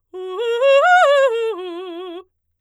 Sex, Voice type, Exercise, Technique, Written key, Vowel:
female, soprano, arpeggios, fast/articulated forte, F major, u